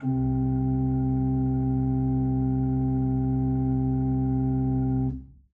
<region> pitch_keycenter=36 lokey=36 hikey=37 tune=-1 volume=6.507564 ampeg_attack=0.004000 ampeg_release=0.300000 amp_veltrack=0 sample=Aerophones/Edge-blown Aerophones/Renaissance Organ/Full/RenOrgan_Full_Room_C1_rr1.wav